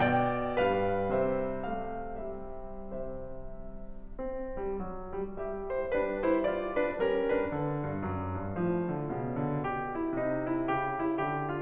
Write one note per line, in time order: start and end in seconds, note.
0.01 0.56 B2
0.01 0.56 D5
0.01 0.56 G5
0.58 1.18 G2
0.58 1.18 G3
0.58 1.18 B4
0.58 1.18 F5
1.21 2.32 C3
1.21 1.74 G3
1.21 3.02 C5
1.21 1.74 E5
1.79 2.32 A3
1.79 2.32 F5
2.39 3.02 C3
2.39 3.02 G3
2.39 3.02 E5
3.04 4.03 C3
3.04 4.03 G3
3.04 4.03 C5
3.04 4.03 E5
4.05 4.53 C4
4.55 4.76 G3
4.77 5.15 F#3
5.17 5.36 G3
5.39 5.93 G3
5.39 5.74 G4
5.39 5.74 E5
5.75 5.93 E4
5.75 5.93 C5
5.94 6.93 G3
5.94 6.33 D4
5.94 6.33 B4
6.34 6.43 E4
6.34 6.43 C5
6.44 6.75 F4
6.44 6.75 D5
6.76 6.93 D4
6.76 6.93 B4
6.95 7.47 G3
6.95 7.28 C#4
6.95 7.28 A#4
7.29 7.47 D4
7.29 7.47 B4
7.48 7.86 D3
7.87 8.02 G2
8.03 8.44 F#2
8.46 8.60 G2
8.61 9.14 A2
8.61 8.94 F3
8.95 9.14 D3
9.14 10.12 B2
9.14 9.43 C#3
9.44 9.60 D3
9.62 9.93 G4
9.95 10.12 E4
10.14 10.66 C3
10.14 10.47 D#4
10.48 10.66 E4
10.66 11.20 C#3
10.66 11.01 G4
11.02 11.20 E4
11.23 11.62 D3
11.23 11.47 G4
11.49 11.62 F4